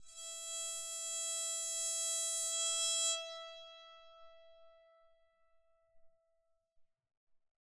<region> pitch_keycenter=76 lokey=76 hikey=77 volume=20.104714 offset=1307 ampeg_attack=0.004000 ampeg_release=2.000000 sample=Chordophones/Zithers/Psaltery, Bowed and Plucked/LongBow/BowedPsaltery_E4_Main_LongBow_rr2.wav